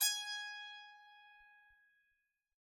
<region> pitch_keycenter=80 lokey=80 hikey=81 volume=10.085267 ampeg_attack=0.004000 ampeg_release=15.000000 sample=Chordophones/Zithers/Psaltery, Bowed and Plucked/Spiccato/BowedPsaltery_G#4_Main_Spic_rr3.wav